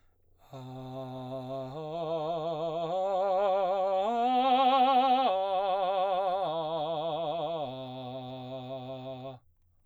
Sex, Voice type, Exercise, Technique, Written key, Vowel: male, baritone, arpeggios, vibrato, , a